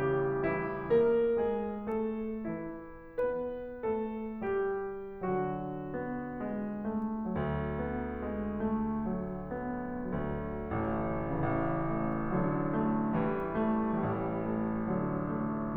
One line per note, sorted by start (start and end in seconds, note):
0.01 0.44 G3
0.01 0.44 G4
0.46 0.93 E3
0.46 0.93 E4
0.95 1.39 A#3
0.95 1.39 A#4
1.39 1.87 G#3
1.39 1.87 G#4
1.89 2.50 A3
1.89 2.50 A4
2.53 3.22 E3
2.53 3.22 E4
3.26 3.83 B3
3.26 3.83 B4
3.87 4.44 A3
3.87 4.44 A4
4.47 5.21 G3
4.47 5.21 G4
5.26 10.07 D3
5.26 5.92 F#3
5.26 6.42 F#4
5.98 6.42 B3
6.44 6.82 G#3
6.84 7.35 A3
7.36 10.07 D2
7.36 7.76 F#3
7.79 8.25 B3
8.27 8.71 G#3
8.72 9.08 A3
9.09 9.52 F#3
9.53 10.07 B3
10.08 10.72 D2
10.08 11.10 D3
10.08 10.72 F#3
10.73 11.10 A1
10.73 11.10 A3
11.11 13.93 A1
11.11 12.32 C#3
11.11 11.94 E3
11.95 12.32 A3
12.34 13.18 D3
12.34 12.71 F#3
12.75 13.18 A3
13.19 13.93 E3
13.19 13.55 G3
13.56 13.93 A3
13.94 15.77 A1
13.94 14.91 E3
13.94 14.42 G3
14.43 14.91 A3
14.94 15.77 D3
14.94 15.43 F#3
15.44 15.77 A3